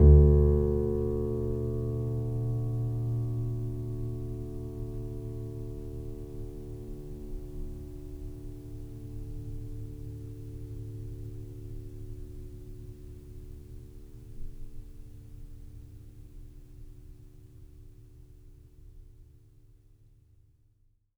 <region> pitch_keycenter=38 lokey=38 hikey=39 volume=-0.597273 lovel=0 hivel=65 locc64=0 hicc64=64 ampeg_attack=0.004000 ampeg_release=0.400000 sample=Chordophones/Zithers/Grand Piano, Steinway B/NoSus/Piano_NoSus_Close_D2_vl2_rr1.wav